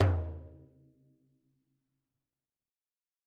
<region> pitch_keycenter=61 lokey=61 hikey=61 volume=16.298092 lovel=84 hivel=127 seq_position=2 seq_length=2 ampeg_attack=0.004000 ampeg_release=15.000000 sample=Membranophones/Struck Membranophones/Frame Drum/HDrumL_Hit_v3_rr2_Sum.wav